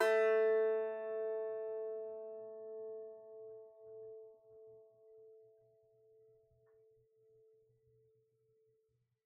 <region> pitch_keycenter=57 lokey=57 hikey=58 volume=0.824734 lovel=66 hivel=99 ampeg_attack=0.004000 ampeg_release=15.000000 sample=Chordophones/Composite Chordophones/Strumstick/Finger/Strumstick_Finger_Str2_Main_A2_vl2_rr1.wav